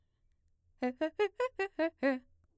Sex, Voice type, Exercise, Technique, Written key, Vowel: female, mezzo-soprano, arpeggios, fast/articulated piano, C major, e